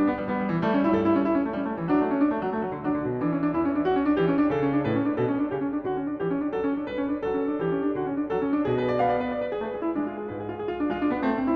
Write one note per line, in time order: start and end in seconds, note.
0.00 0.13 D4
0.13 0.24 B3
0.24 0.34 G3
0.34 0.63 G3
0.34 0.43 B3
0.43 0.52 G3
0.52 0.63 E3
0.63 0.96 G3
0.63 0.74 A3
0.74 0.86 C#4
0.86 0.96 E4
0.96 1.28 G2
0.96 1.07 A4
1.07 1.15 E4
1.15 1.28 C#4
1.28 1.36 E4
1.36 1.46 C#4
1.46 1.54 A3
1.54 1.87 G3
1.54 1.68 C#4
1.68 1.75 A3
1.75 1.87 E3
1.87 2.01 F#3
1.87 2.21 D4
2.01 2.12 A3
2.12 2.21 C#4
2.21 2.30 D4
2.30 2.43 A3
2.43 2.53 F#3
2.53 2.62 A3
2.62 2.74 F#3
2.74 2.84 D3
2.84 2.95 F#3
2.84 3.22 D4
2.95 3.08 D3
3.08 3.22 B2
3.22 3.55 E3
3.22 3.33 D4
3.33 3.44 C#4
3.44 3.55 D4
3.55 3.85 E2
3.55 3.67 E4
3.67 3.74 C#4
3.74 3.85 D4
3.85 3.98 F#4
3.98 4.06 C#4
4.06 4.20 D4
4.20 4.50 E3
4.20 4.30 G4
4.30 4.39 C#4
4.39 4.50 D4
4.50 4.85 C#3
4.50 4.62 A4
4.62 4.74 C#4
4.74 4.85 D4
4.85 5.18 A2
4.85 4.92 B4
4.92 5.04 C#4
5.04 5.18 D4
5.18 5.50 B2
5.18 5.28 A4
5.28 5.40 C#4
5.40 5.50 D4
5.50 5.86 C#3
5.50 5.61 G4
5.61 5.72 C#4
5.72 5.86 D4
5.86 5.97 D3
5.86 6.21 F#4
5.97 6.08 C#4
6.08 6.21 D4
6.21 6.32 E3
6.21 6.51 G4
6.32 6.41 C#4
6.41 6.51 D4
6.51 6.62 F#3
6.51 6.84 A4
6.62 6.76 C#4
6.76 6.84 D4
6.84 6.93 G3
6.84 7.21 B4
6.93 7.08 C#4
7.08 7.21 D4
7.21 7.34 F#3
7.21 7.60 A4
7.34 7.45 C#4
7.45 7.60 D4
7.60 7.70 E3
7.60 7.94 G4
7.70 7.83 C#4
7.83 7.94 D4
7.94 8.03 D3
7.94 8.29 F#4
8.03 8.16 C#4
8.16 8.29 D4
8.29 8.41 F#3
8.29 8.66 A4
8.41 8.52 C#4
8.52 8.66 D4
8.66 9.02 B2
8.66 8.80 G#4
8.80 8.89 B4
8.89 9.02 D5
9.02 9.32 B3
9.02 9.15 F5
9.15 9.24 D5
9.24 9.32 B4
9.32 9.43 D5
9.43 9.53 B4
9.53 9.65 G#4
9.65 9.96 A3
9.65 9.73 B4
9.73 9.82 G#4
9.82 9.96 E4
9.96 10.29 G#3
9.96 10.11 D4
10.11 10.22 F4
10.22 10.29 G#4
10.29 10.58 G#2
10.29 10.40 B4
10.40 10.45 G#4
10.45 10.58 F4
10.58 10.69 G#4
10.69 10.79 F4
10.79 10.90 D4
10.90 11.25 G#3
10.90 11.01 F4
11.01 11.11 D4
11.11 11.25 B3
11.25 11.35 A3
11.25 11.56 C4
11.35 11.42 C4
11.42 11.56 E4